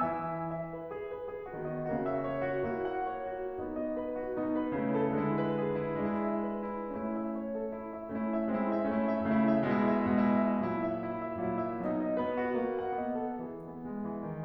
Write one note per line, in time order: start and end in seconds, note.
0.00 1.10 E3
0.00 1.10 E4
0.00 0.48 E5
0.00 0.48 G#5
0.00 0.48 E6
0.51 0.73 E5
0.74 0.93 B4
0.94 1.10 G#4
1.11 1.25 B4
1.27 1.46 G#4
1.46 1.89 D#3
1.46 1.89 B3
1.46 1.65 F#4
1.65 1.89 D#5
1.90 2.71 C#3
1.90 2.71 A#3
1.90 2.04 F#4
2.05 2.25 E5
2.26 2.50 C#5
2.51 2.71 F#4
2.72 3.54 A#3
2.72 3.54 E4
2.72 2.91 F#4
2.91 3.12 F#5
3.12 3.33 C#5
3.34 3.54 F#4
3.55 4.34 B3
3.55 4.34 D#4
3.55 3.75 F#4
3.76 3.94 D#5
3.95 4.13 B4
4.13 4.34 F#4
4.34 4.75 B2
4.34 4.75 B3
4.34 4.54 D#4
4.55 4.75 B4
4.76 5.14 C#3
4.76 5.14 A3
4.76 4.93 E4
4.95 5.14 A4
5.15 6.05 D3
5.15 6.05 G#3
5.15 5.38 E4
5.39 5.65 B4
5.65 5.86 G#4
5.86 6.05 E4
6.06 6.94 G#3
6.06 6.94 D4
6.06 6.22 E4
6.23 6.46 E5
6.47 6.69 B4
6.71 6.94 E4
6.95 8.07 A3
6.95 8.07 C#4
6.95 7.17 E4
7.17 7.35 E5
7.35 7.53 C#5
7.55 7.73 A4
7.74 7.92 E4
7.93 8.07 E5
8.08 8.49 A3
8.08 8.49 C#4
8.08 8.29 E4
8.29 8.49 E5
8.49 8.87 G#3
8.49 8.87 C4
8.49 8.68 E4
8.68 8.87 E5
8.88 9.26 A3
8.88 9.26 C#4
8.88 9.06 E4
9.07 9.26 E5
9.28 9.67 C#3
9.28 9.67 A3
9.28 9.47 E4
9.49 9.67 E5
9.67 10.23 B2
9.67 10.23 G#3
9.67 9.93 E4
9.93 10.23 E5
10.24 10.65 B2
10.24 10.65 G#3
10.24 10.45 E4
10.46 10.65 E5
10.66 11.40 A#2
10.66 11.40 F#3
10.66 10.81 E4
10.83 11.02 E5
11.02 11.20 E4
11.20 11.40 E5
11.40 11.78 A#2
11.40 11.78 F#3
11.40 11.58 E4
11.59 11.78 E5
11.80 13.43 B2
11.80 12.18 F#3
11.80 11.97 D#4
11.98 12.18 D#5
12.19 12.60 B3
12.19 12.42 B4
12.42 12.60 F#4
12.60 12.96 A#3
12.60 12.77 F#4
12.78 12.96 F#5
12.97 13.43 B3
12.97 13.17 D#5
13.18 13.43 A4
13.44 13.66 E3
13.44 13.66 G#3
13.44 14.26 G#4
13.68 13.86 B3
13.86 14.07 G#3
14.07 14.26 E3
14.29 14.44 D#3